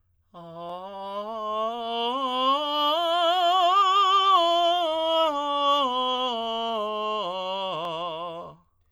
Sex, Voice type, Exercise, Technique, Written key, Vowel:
male, tenor, scales, slow/legato piano, F major, a